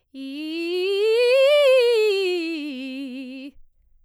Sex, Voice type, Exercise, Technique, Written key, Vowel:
female, soprano, scales, fast/articulated piano, C major, i